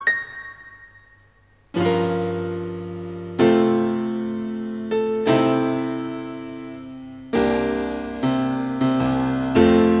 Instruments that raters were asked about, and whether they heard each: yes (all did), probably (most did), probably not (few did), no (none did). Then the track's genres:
piano: yes
Choral Music; Gospel